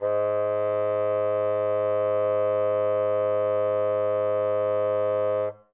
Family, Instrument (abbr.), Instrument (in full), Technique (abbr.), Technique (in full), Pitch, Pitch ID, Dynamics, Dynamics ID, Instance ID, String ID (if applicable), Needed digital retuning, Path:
Winds, Bn, Bassoon, ord, ordinario, G#2, 44, ff, 4, 0, , FALSE, Winds/Bassoon/ordinario/Bn-ord-G#2-ff-N-N.wav